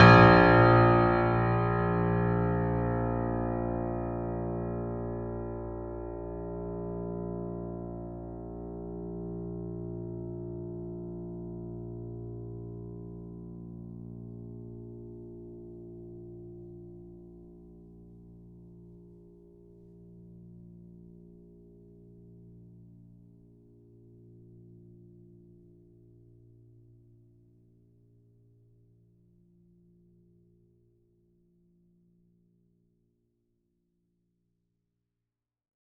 <region> pitch_keycenter=34 lokey=34 hikey=35 volume=-0.129156 lovel=100 hivel=127 locc64=65 hicc64=127 ampeg_attack=0.004000 ampeg_release=0.400000 sample=Chordophones/Zithers/Grand Piano, Steinway B/Sus/Piano_Sus_Close_A#1_vl4_rr1.wav